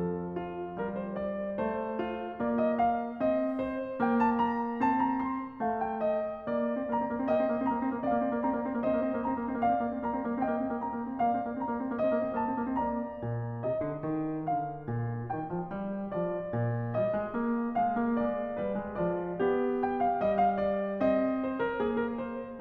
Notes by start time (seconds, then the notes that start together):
0.00 F2 F3 A4
0.38 F4
0.78 G3 A#4
1.00 C5
1.22 D5
1.60 A3 C5
2.01 F4
2.39 A#3 D5
2.51 D#5
2.82 F5
3.20 C4 D#5
3.59 C5
4.04 A#3 G5
4.26 A5
4.38 A#5
4.90 C4 A5
5.05 A#5
5.34 C6
5.65 A3 F5
5.84 G5
6.03 D#5
6.48 C4 D5
6.61 A#3
6.87 C4
6.94 A#5
7.06 A#3
7.14 C4
7.28 A#3
7.34 D#5 G5
7.43 C4
7.51 A#3
7.62 C4 A#5
7.74 A#3
8.01 C4
8.12 A#3 D5 F5
8.25 C4
8.36 A#3
8.43 A#5
8.64 C4
8.72 A#3
8.80 C4 C5 D#5
9.00 A#3
9.14 C4
9.20 A#3
9.36 A#5
9.49 C4
9.58 A#3
9.72 D5 F5
9.85 C4
9.93 A#3
10.00 C4
10.09 A#5
10.23 A#3
10.36 C4
10.47 A#3 D#5 G5
10.60 C4
10.75 A#3
10.86 C4 A#5
11.01 A#3
11.17 C4
11.23 A#3 D5 F5
11.41 C4
11.49 A#3
11.61 C4 A#5
11.81 A#3
11.98 C4 C5 D#5
12.11 A#3
12.27 C4
12.61 A#3 A5
12.70 C4
12.77 A#3
12.83 D5 A#5
13.27 A#2
13.62 C3 D#5
13.85 D3
14.06 D#3
14.51 D3 F5
14.88 A#2
15.31 D#3 G5
15.55 F3
15.65 G3
16.13 F3 D5
16.53 A#2
16.96 G3 D#5
17.11 G#3
17.36 A#3
17.82 G#3 F5
17.93 A#3
18.23 G#3 D5
18.59 G3 B4
18.80 G#3
18.97 F3 D5
19.39 B3 G4
19.95 G5
20.12 F5
20.22 G3 D#5
20.39 F5
20.56 D5
21.13 C4 D#5
21.49 C5
21.58 A#4
21.78 A#3 G#4
21.94 A#4
22.20 C5